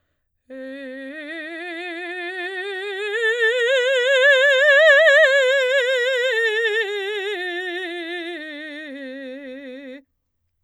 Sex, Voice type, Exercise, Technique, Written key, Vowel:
female, soprano, scales, slow/legato forte, C major, e